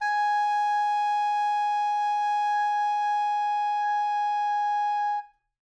<region> pitch_keycenter=80 lokey=80 hikey=81 volume=13.435248 offset=132 lovel=0 hivel=83 ampeg_attack=0.004000 ampeg_release=0.500000 sample=Aerophones/Reed Aerophones/Tenor Saxophone/Non-Vibrato/Tenor_NV_Main_G#4_vl2_rr1.wav